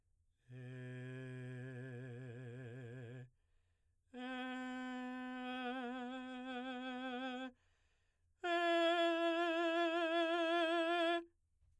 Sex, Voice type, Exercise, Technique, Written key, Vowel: male, baritone, long tones, trillo (goat tone), , e